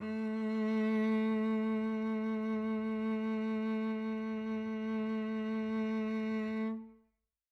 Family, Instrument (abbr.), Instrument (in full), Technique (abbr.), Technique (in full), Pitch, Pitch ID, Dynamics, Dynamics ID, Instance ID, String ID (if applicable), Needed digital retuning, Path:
Strings, Vc, Cello, ord, ordinario, A3, 57, mf, 2, 3, 4, FALSE, Strings/Violoncello/ordinario/Vc-ord-A3-mf-4c-N.wav